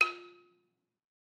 <region> pitch_keycenter=65 lokey=64 hikey=68 volume=6.829677 offset=187 lovel=100 hivel=127 ampeg_attack=0.004000 ampeg_release=30.000000 sample=Idiophones/Struck Idiophones/Balafon/Traditional Mallet/EthnicXylo_tradM_F3_vl3_rr1_Mid.wav